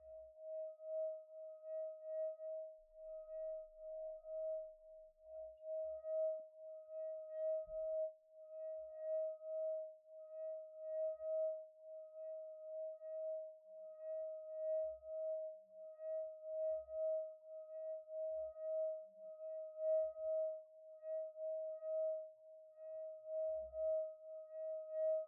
<region> pitch_keycenter=75 lokey=74 hikey=76 tune=-28 volume=31.221411 trigger=attack ampeg_attack=0.004000 ampeg_release=0.500000 sample=Idiophones/Friction Idiophones/Wine Glasses/Sustains/Slow/glass1_D#4_Slow_1_Main.wav